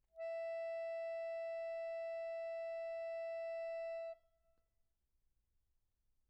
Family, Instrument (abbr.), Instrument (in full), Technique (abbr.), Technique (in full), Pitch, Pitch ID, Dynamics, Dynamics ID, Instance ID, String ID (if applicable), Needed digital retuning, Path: Keyboards, Acc, Accordion, ord, ordinario, E5, 76, pp, 0, 2, , FALSE, Keyboards/Accordion/ordinario/Acc-ord-E5-pp-alt2-N.wav